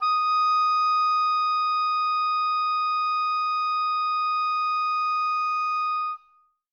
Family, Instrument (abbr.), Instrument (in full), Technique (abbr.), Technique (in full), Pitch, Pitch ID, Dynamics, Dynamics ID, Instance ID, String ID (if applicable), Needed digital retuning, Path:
Winds, Ob, Oboe, ord, ordinario, D#6, 87, mf, 2, 0, , FALSE, Winds/Oboe/ordinario/Ob-ord-D#6-mf-N-N.wav